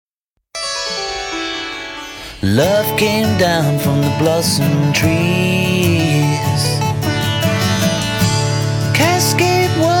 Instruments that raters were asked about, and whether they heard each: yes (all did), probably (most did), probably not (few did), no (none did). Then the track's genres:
ukulele: probably not
banjo: probably
mandolin: probably not
Folk; New Age